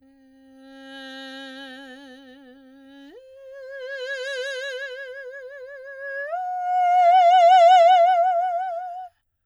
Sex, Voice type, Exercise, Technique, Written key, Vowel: female, soprano, long tones, messa di voce, , e